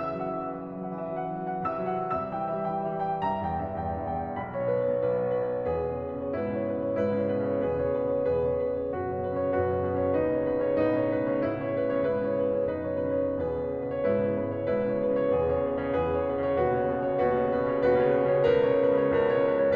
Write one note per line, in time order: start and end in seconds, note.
0.00 1.66 C#3
0.00 0.17 E3
0.00 0.17 E5
0.00 1.66 E6
0.19 0.35 F#3
0.19 0.35 F#5
0.35 0.48 E3
0.35 0.48 E5
0.49 0.68 F#3
0.49 0.68 F#5
0.70 0.87 E3
0.70 0.87 E5
0.87 1.04 F#3
0.87 1.04 F#5
1.06 1.18 E3
1.06 1.18 E5
1.18 1.28 F#3
1.18 1.28 F#5
1.29 1.44 E3
1.29 1.44 E5
1.45 1.66 F#3
1.45 1.66 F#5
1.66 2.11 C3
1.66 1.88 E3
1.66 1.88 E5
1.66 2.11 E6
1.89 2.11 F#3
1.89 2.11 F#5
2.11 3.22 C3
2.11 2.30 G3
2.11 2.30 E5
2.11 3.22 E6
2.31 2.48 E3
2.31 2.48 G5
2.51 2.69 G3
2.51 2.69 E5
2.69 2.83 E3
2.69 2.83 G5
2.86 3.00 G3
2.86 3.00 E5
3.00 3.22 E3
3.00 3.22 G5
3.23 4.39 C2
3.23 3.40 G2
3.23 3.40 E5
3.23 4.39 A#5
3.41 3.58 E2
3.41 3.58 G5
3.58 3.78 G2
3.58 3.78 E5
3.80 3.96 E2
3.80 3.96 G5
3.96 4.19 G2
3.96 4.19 E5
4.19 4.39 E2
4.19 4.39 G5
4.40 4.52 B1
4.40 4.52 D#5
4.40 5.69 B5
4.53 4.66 B2
4.53 4.66 C#5
4.67 4.79 B1
4.67 4.79 B4
4.79 4.93 B2
4.79 4.93 C#5
4.95 5.10 B1
4.95 5.10 B4
5.11 5.21 B2
5.11 5.21 C#5
5.22 5.57 B1
5.22 5.57 B4
5.58 5.69 B2
5.58 5.69 C#5
5.69 6.30 E2
5.69 5.87 B2
5.69 6.30 G#4
5.69 5.87 B4
5.89 6.04 C#3
5.89 6.04 C#5
6.05 6.22 B2
6.05 6.22 B4
6.22 6.30 C#3
6.22 6.30 C#5
6.32 6.97 G#2
6.32 6.54 B2
6.32 6.97 E4
6.32 6.54 B4
6.54 6.76 C#3
6.54 6.76 C#5
6.76 6.86 B2
6.76 6.86 B4
6.87 6.97 C#3
6.87 6.97 C#5
6.97 7.62 G#2
6.97 7.17 B2
6.97 7.62 E4
6.97 7.17 B4
7.24 7.38 C#3
7.24 7.38 C#5
7.40 7.51 B2
7.40 7.51 B4
7.52 7.62 C#3
7.52 7.62 C#5
7.63 8.29 E2
7.63 7.81 B2
7.63 8.29 G#4
7.63 7.81 B4
7.81 7.93 C#3
7.81 7.93 C#5
7.94 8.05 B2
7.94 8.05 B4
8.06 8.29 C#3
8.06 8.29 C#5
8.29 8.93 E2
8.29 8.39 B2
8.29 8.93 G#4
8.29 8.39 B4
8.41 8.58 C#3
8.41 8.58 C#5
8.58 8.72 B2
8.58 8.72 B4
8.73 8.93 C#3
8.73 8.93 C#5
8.96 9.60 D#2
8.96 9.13 B2
8.96 9.60 F#4
8.96 9.13 B4
9.13 9.28 C#3
9.13 9.28 C#5
9.29 9.39 B2
9.29 9.39 B4
9.42 9.60 C#3
9.42 9.60 C#5
9.61 10.18 D#2
9.61 9.75 B2
9.61 10.18 F#4
9.61 9.75 B4
9.79 9.93 C#3
9.79 9.93 C#5
9.93 10.02 B2
9.93 10.02 B4
10.03 10.18 C#3
10.03 10.18 C#5
10.19 10.79 A2
10.19 10.33 B2
10.19 10.79 D#4
10.19 10.33 B4
10.43 10.52 C#3
10.43 10.52 C#5
10.55 10.66 B2
10.55 10.66 B4
10.66 10.79 C#3
10.66 10.79 C#5
10.84 11.53 A2
10.84 10.94 B2
10.84 11.53 D#4
10.84 10.94 B4
10.95 11.18 C#3
10.95 11.18 C#5
11.18 11.41 B2
11.18 11.41 B4
11.42 11.53 C#3
11.42 11.53 C#5
11.53 12.04 G#2
11.53 11.66 B2
11.53 12.04 E4
11.53 11.66 B4
11.67 11.81 C#3
11.67 11.81 C#5
11.82 11.90 B2
11.82 11.90 B4
11.90 12.04 C#3
11.90 12.04 C#5
12.05 12.65 G#2
12.05 12.21 B2
12.05 12.65 E4
12.05 12.21 B4
12.23 12.40 C#3
12.23 12.40 C#5
12.41 12.53 B2
12.41 12.53 B4
12.54 12.65 C#3
12.54 12.65 C#5
12.65 13.44 F#2
12.65 12.95 B2
12.65 13.44 D#4
12.65 12.95 B4
12.96 13.11 C#3
12.96 13.11 C#5
13.12 13.26 B2
13.12 13.26 B4
13.26 13.44 C#3
13.26 13.44 C#5
13.46 14.05 E2
13.46 13.65 B2
13.46 14.05 G#4
13.46 13.65 B4
13.65 13.75 C#3
13.65 13.75 C#5
13.76 13.83 B2
13.76 13.83 B4
13.90 14.05 C#3
13.90 14.05 C#5
14.05 14.70 G#2
14.05 14.16 B2
14.05 14.70 E4
14.05 14.16 B4
14.19 14.30 C#3
14.19 14.30 C#5
14.32 14.41 B2
14.32 14.41 B4
14.42 14.70 C#3
14.42 14.70 C#5
14.74 15.33 G#2
14.74 14.91 B2
14.74 15.33 E4
14.74 14.91 B4
14.91 15.02 C#3
14.91 15.02 C#5
15.03 15.14 B2
15.03 15.14 B4
15.15 15.33 C#3
15.15 15.33 C#5
15.33 15.85 E2
15.33 15.44 B2
15.33 15.85 G#4
15.33 15.44 B4
15.45 15.62 C#3
15.45 15.62 C#5
15.62 15.71 B2
15.62 15.71 B4
15.72 15.85 C#3
15.72 15.85 C#5
15.87 16.52 E2
15.87 15.99 B2
15.87 16.52 G#4
15.87 15.99 B4
15.99 16.10 C#3
15.99 16.10 C#5
16.16 16.32 B2
16.16 16.32 B4
16.36 16.52 C#3
16.36 16.52 C#5
16.53 17.06 D#2
16.53 16.61 B2
16.53 17.06 F#4
16.53 16.61 B4
16.63 16.75 C#3
16.63 16.75 C#5
16.75 16.83 B2
16.75 16.83 B4
16.85 17.06 C#3
16.85 17.06 C#5
17.07 17.68 D#2
17.07 17.16 B2
17.07 17.68 F#4
17.07 17.16 B4
17.17 17.29 C#3
17.17 17.29 C#5
17.30 17.45 B2
17.30 17.45 B4
17.45 17.68 C#3
17.45 17.68 C#5
17.69 18.51 D#2
17.69 17.80 B2
17.69 18.51 F#4
17.69 17.80 B4
17.82 18.05 C#3
17.82 18.05 C#5
18.05 18.22 B2
18.05 18.22 B4
18.23 18.51 C#3
18.23 18.51 C#5
18.51 19.17 C#2
18.51 18.63 B2
18.51 19.17 A#4
18.51 18.63 B4
18.65 18.85 C#3
18.65 18.85 C#5
18.87 18.99 B2
18.87 18.99 B4
18.99 19.17 C#3
18.99 19.17 C#5
19.18 19.76 C#2
19.18 19.34 B2
19.18 19.76 A#4
19.18 19.34 B4
19.35 19.47 C#3
19.35 19.47 C#5
19.48 19.66 B2
19.48 19.66 B4
19.67 19.76 C#3
19.67 19.76 C#5